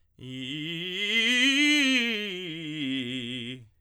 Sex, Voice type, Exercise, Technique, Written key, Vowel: male, tenor, scales, fast/articulated forte, C major, i